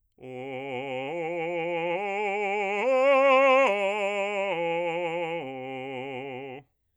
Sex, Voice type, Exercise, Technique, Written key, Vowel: male, bass, arpeggios, vibrato, , o